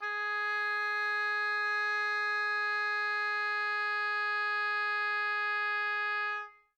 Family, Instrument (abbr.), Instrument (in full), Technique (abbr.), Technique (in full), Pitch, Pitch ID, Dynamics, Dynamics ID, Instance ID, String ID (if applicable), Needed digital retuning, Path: Winds, Ob, Oboe, ord, ordinario, G#4, 68, mf, 2, 0, , FALSE, Winds/Oboe/ordinario/Ob-ord-G#4-mf-N-N.wav